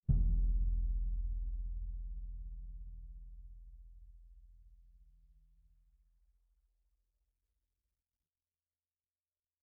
<region> pitch_keycenter=62 lokey=62 hikey=62 volume=17.880009 offset=3653 lovel=48 hivel=72 seq_position=2 seq_length=2 ampeg_attack=0.004000 ampeg_release=30 sample=Membranophones/Struck Membranophones/Bass Drum 2/bassdrum_hit_mp2.wav